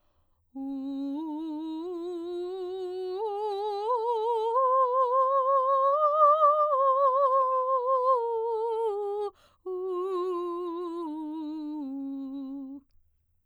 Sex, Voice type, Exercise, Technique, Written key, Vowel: female, soprano, scales, slow/legato piano, C major, u